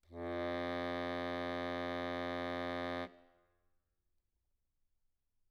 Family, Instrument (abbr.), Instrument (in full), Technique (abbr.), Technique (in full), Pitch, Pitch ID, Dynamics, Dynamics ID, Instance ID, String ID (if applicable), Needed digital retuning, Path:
Keyboards, Acc, Accordion, ord, ordinario, F2, 41, mf, 2, 0, , FALSE, Keyboards/Accordion/ordinario/Acc-ord-F2-mf-N-N.wav